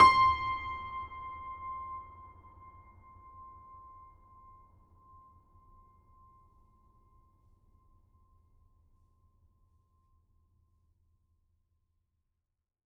<region> pitch_keycenter=84 lokey=84 hikey=85 volume=1.173913 lovel=100 hivel=127 locc64=65 hicc64=127 ampeg_attack=0.004000 ampeg_release=0.400000 sample=Chordophones/Zithers/Grand Piano, Steinway B/Sus/Piano_Sus_Close_C6_vl4_rr1.wav